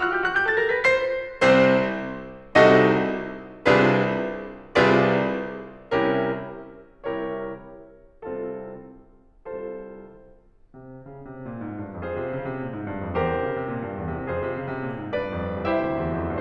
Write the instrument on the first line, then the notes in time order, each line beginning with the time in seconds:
piano
0.00 F#4 F#6
0.13 G4 G6
0.26 F#4 F#6
0.37 G4 G6
0.49 A4 A6
0.60 A#4 A#6
0.72 B4 B6
0.86 C5 C7
1.45 C2 C3 C4 C5
2.58 C2 C3 D#4 F#4 A4 D#5
3.60 C2 C3 D4 F4 G#4 B4
4.73 C2 C3 F4 G#4 B4 D5
5.86 C2 C3 C#4 E4 G4 A#4
7.01 C2 C3 E4 G4 A#4 C#5
8.24 C2 C3 C4 F4 A4
9.46 C2 C3 F4 A4 C5
10.69 C3
10.99 C#3
11.30 C3
11.48 A#2
11.63 G#2
11.88 G2
12.05 F2 F4 G#4 C5
12.18 C3
12.31 C#3
12.46 C3
12.60 A#2
12.72 G#2
12.88 G2
13.05 F2
13.17 E2 G4 A#4 C5
13.31 C3
13.39 C#3
13.50 C3
13.70 A#2
13.85 G2
14.00 E2
14.19 C3
14.30 F2 F4 G#4 C5
14.49 C3
14.62 C#3
14.73 C3
14.86 A#2
15.05 G#2
15.22 G2 B4 D5
15.43 F2
15.66 C2 E4 G4 C5 E5
15.80 D2
16.06 D#2
16.24 F2